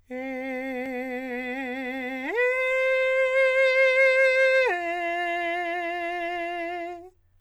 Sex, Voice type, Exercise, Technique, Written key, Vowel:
male, countertenor, long tones, full voice forte, , e